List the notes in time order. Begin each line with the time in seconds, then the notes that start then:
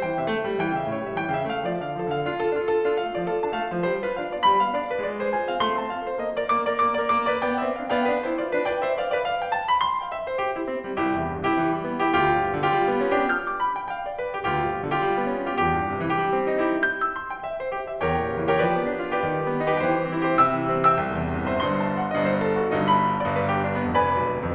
0.00 E3 G5
0.20 C3 E5
0.29 A3
0.50 G3
0.59 E3 G5
0.81 C#3 E5
0.92 A2 C#5
1.09 G3 E5
1.20 E3 G5
1.38 C#3 E5
1.45 A3 F5
1.67 F3 D5
1.79 D3 F5
1.97 F3 A4
2.08 D3 F5
2.32 D4 F4
2.41 F4 A4
2.61 D4 F4
2.69 F4 A4
2.88 D4 F4
2.98 A3 F5
3.15 F3 D5
3.23 F4 A4
3.44 D4 A5
3.53 A3 F5
3.69 F3 D5
3.78 G3 C5
4.04 F4 B4
4.14 D4 F5
4.34 B3 D5
4.44 G3 B5
4.64 B3 F5
4.74 D4 D5
4.92 F4 B4
5.02 G#3 D5
5.21 G#4 C5
5.32 F4 G#5
5.51 C4 F5
5.61 A3 C6
5.83 C4 A5
5.91 F4 F5
6.10 A4 C5
6.22 A#3 D#5
6.46 A#4 D5
6.58 A#3 D6
6.79 A#4 D5
6.88 A#3 D6
7.13 A#4 D5
7.26 B3 D6
7.43 B4 D5 G5
7.51 B3 C5 G5
7.67 C4 E5
7.76 D4 F5
7.93 B3 D5 F5 G5
8.05 D4 B4
8.24 E4 C5
8.34 F4 D5
8.56 E4 C5 G5
8.65 B4 D5
8.84 C5 E5
8.94 D5 F5
9.11 C5 E5 G5
9.21 D5 F5
9.40 E5 G5
9.51 F5 A5
9.68 D5 B5
9.80 C6
10.00 G5
10.10 E5
10.29 C5
10.38 G4
10.59 E4
10.67 C4
10.87 G3
10.99 C2 E4 G4
11.22 E2
11.31 G2
11.48 C3 E4 G4
11.59 E3
11.76 G3
11.87 B3
12.04 E4 G4
12.12 D2 F4 G4
12.34 G2
12.43 B2
12.62 D3 F4 G4
12.72 G3
12.91 B3
13.00 C#4
13.19 D4 F4 G4
13.28 F6
13.47 D6
13.57 B5
13.78 G5
13.89 F5
14.08 D5
14.18 B4
14.36 G4
14.50 D2 F4 G4
14.68 G2
14.77 B2
14.92 D3 F4 G4
15.01 G3
15.20 B3
15.29 C#4
15.49 D4 F4 G4
15.58 C2 G4
15.77 G2
15.89 C3
16.10 E3 G4
16.16 G3
16.34 C4
16.47 D#4
16.68 E4 G4
16.79 G6
17.00 E6
17.10 C6
17.30 G5
17.39 E5
17.61 C5
17.74 G4
17.95 G5
18.04 E2 G4 A#4 C#5 G5
18.26 A#2
18.34 C#3
18.48 E3 G4 B4 D5 G5
18.59 F3
18.77 B3
18.89 D4
19.14 F4 G4 B4 D5 G5
19.25 D#3 G4 B4 G5
19.46 G3
19.54 B3
19.77 D#4 G4 C5 G5
19.86 E3
20.07 G3
20.19 C4
20.39 E4 G4 C5 G5
20.49 C3 E5 G5 E6
20.70 E3
20.77 G3
20.93 B3 E5 G5 E6
21.00 C2
21.20 E2
21.29 G2
21.54 C3 C5 E5 C6
21.63 G1 G2 C6
21.84 A5
21.95 F#5
22.13 G1 G2 D#5
22.22 C5
22.40 A4
22.51 F#4
22.78 G1 G2 D#4 C5
22.87 B5
23.08 G5
23.17 D5
23.37 G1 G2 B4
23.46 G4
23.67 D4
23.77 B3
23.94 F1 F2 B4 D5 G#5 B5
24.06 F1
24.25 B1
24.37 D2